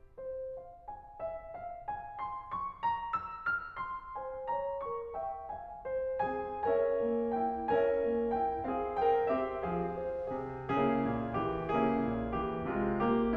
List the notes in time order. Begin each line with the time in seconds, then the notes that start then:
0.00 C5
0.55 F5
0.91 G#5
1.20 E5
1.58 F5
1.85 G#5
2.21 C6
2.53 C#6
2.82 A#5
3.17 E6
3.49 F6
3.80 C6
4.16 C5 G#5
4.48 C#5 A#5
4.85 A#4 C#6
5.17 E5 G5
5.54 F5 G#5
5.85 C5
6.22 C4 G#4 G#5
6.66 C#4 A#4 C#5 E5 G#5
7.05 A#3
7.36 E4 G5
7.73 C#4 A#4 C#5 E5 G#5
8.02 A#3
8.35 E4 G5
8.66 C4 G#4 F5
8.96 A#4 G5
9.25 C4 G4 E5
9.57 F3 G#4 F5
9.97 C5
10.33 C3 G#4
10.74 C#3 A#3 C#4 E4 G#4
11.10 A#2
11.39 E3 G4
11.76 C#3 A#3 C#4 E4 G#4
12.09 A#2
12.36 E3 G4
12.71 C3 G#3 F4
13.04 A#3 G4